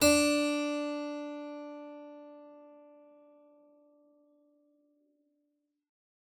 <region> pitch_keycenter=62 lokey=62 hikey=63 volume=-1.330219 trigger=attack ampeg_attack=0.004000 ampeg_release=0.350000 amp_veltrack=0 sample=Chordophones/Zithers/Harpsichord, English/Sustains/Normal/ZuckermannKitHarpsi_Normal_Sus_D3_rr1.wav